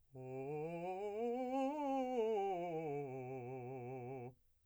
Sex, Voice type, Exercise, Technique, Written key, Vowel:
male, , scales, fast/articulated piano, C major, o